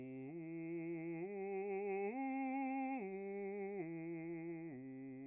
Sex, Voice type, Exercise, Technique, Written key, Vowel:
male, bass, arpeggios, slow/legato piano, C major, u